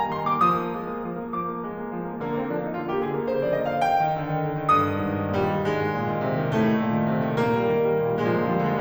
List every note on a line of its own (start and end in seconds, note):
0.00 0.14 A#3
0.00 0.14 A#5
0.14 0.29 D#3
0.14 0.29 C6
0.31 0.48 A#3
0.31 0.48 D6
0.48 0.66 F3
0.48 1.36 D#6
0.66 0.84 A#3
0.85 0.96 G#3
0.96 1.10 A#3
1.10 1.23 F3
1.23 1.36 A#3
1.37 1.51 F3
1.37 1.67 D6
1.51 1.67 A#3
1.67 1.83 G#3
1.85 1.97 A#3
1.97 2.10 F3
2.10 2.23 A#3
2.24 2.37 D3
2.24 2.37 A#3
2.37 2.48 A#3
2.37 2.48 C4
2.48 2.61 F3
2.48 2.61 D4
2.61 2.76 A#3
2.61 2.76 D#4
2.76 2.90 D3
2.76 2.90 F4
2.90 3.02 A#3
2.90 3.02 G4
3.02 3.15 D3
3.02 3.15 G#4
3.16 3.36 A#3
3.16 3.36 A#4
3.36 3.48 F3
3.36 3.48 C5
3.48 3.62 A#3
3.48 3.62 D5
3.63 3.77 D3
3.63 3.77 D#5
3.77 3.92 A#3
3.77 3.92 F5
3.92 4.76 G5
4.08 4.21 D#3
4.21 4.35 D3
4.35 4.48 D#3
4.48 4.63 D3
4.63 4.76 D#3
4.76 4.90 G2
4.76 5.35 D#6
4.90 5.04 D#3
5.05 5.19 G#2
5.19 5.35 D#3
5.35 5.50 A#2
5.35 5.67 G3
5.51 5.67 D#3
5.67 5.84 G#2
5.67 6.57 G#3
5.84 6.01 D#3
6.03 6.18 A#2
6.18 6.32 D#3
6.32 6.46 C3
6.46 6.57 D#3
6.58 6.71 A2
6.58 7.38 A3
6.71 6.85 D#3
6.85 6.97 A#2
6.98 7.09 D#3
7.09 7.23 C3
7.23 7.38 D#3
7.40 7.53 A#2
7.40 8.17 A#3
7.53 7.69 G3
7.69 7.80 D#3
7.80 7.98 G3
7.98 8.10 A#2
8.10 8.17 G3
8.17 8.27 A#2
8.17 8.27 G#3
8.22 8.35 A#3
8.28 8.35 F3
8.28 8.35 G#3
8.35 8.45 D3
8.35 8.45 G#3
8.35 8.39 A#3
8.39 8.48 A#3
8.45 8.53 F3
8.45 8.53 G#3
8.45 8.60 A#3
8.54 8.68 A#2
8.54 8.68 G#3
8.61 8.75 A#3
8.68 8.81 F3
8.68 8.81 G3
8.75 8.81 G#3